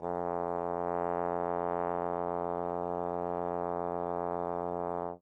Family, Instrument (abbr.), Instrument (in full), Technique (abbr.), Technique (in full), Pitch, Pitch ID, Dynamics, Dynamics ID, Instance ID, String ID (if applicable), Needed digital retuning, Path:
Brass, Tbn, Trombone, ord, ordinario, F2, 41, mf, 2, 0, , FALSE, Brass/Trombone/ordinario/Tbn-ord-F2-mf-N-N.wav